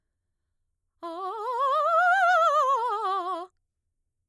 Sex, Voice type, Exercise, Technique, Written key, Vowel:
female, mezzo-soprano, scales, fast/articulated piano, F major, a